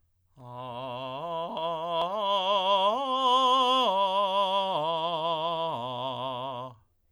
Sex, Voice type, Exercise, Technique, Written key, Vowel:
male, tenor, arpeggios, slow/legato forte, C major, a